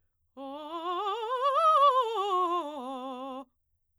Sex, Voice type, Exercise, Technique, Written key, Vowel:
female, soprano, scales, fast/articulated forte, C major, o